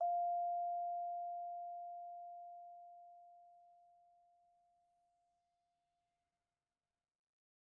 <region> pitch_keycenter=77 lokey=76 hikey=79 volume=22.600575 offset=55 lovel=0 hivel=83 ampeg_attack=0.004000 ampeg_release=15.000000 sample=Idiophones/Struck Idiophones/Vibraphone/Soft Mallets/Vibes_soft_F4_v1_rr1_Main.wav